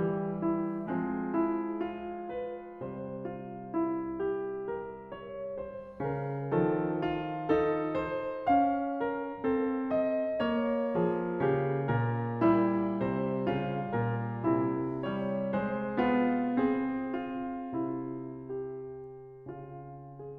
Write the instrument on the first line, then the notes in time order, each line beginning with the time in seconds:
piano
0.00 G4
0.38 E4
0.86 G#3
0.93 F3
1.01 C4
1.39 E4
1.73 F4
2.32 B4
2.80 C3 G3
2.95 C5
3.24 F4
3.72 E4
4.17 G4
4.77 A#4
5.17 C#5
5.57 C5
5.94 C#3
6.05 A#4
6.50 D#3 F3
6.77 A4
7.07 F4
7.51 D#4
7.57 A4
8.03 C5
8.41 C#4
8.48 F5
9.00 A#4
9.42 C4 A4
10.02 D#5
10.32 A#3
10.39 C#5
10.92 F3
10.97 G#4
11.34 C#3 G4
11.98 A#2 G#4
12.40 G3
12.45 E4
13.07 C3
13.19 C5
13.41 C#3 F4
13.87 A#2
13.93 A#4
14.43 C3 E4
15.06 G3
15.16 C#5
15.46 G#3
15.75 C5
15.98 B3 F4
16.65 C4
16.80 G#4
17.28 F4
17.71 C3 E4
19.06 G4
19.37 C#3 F4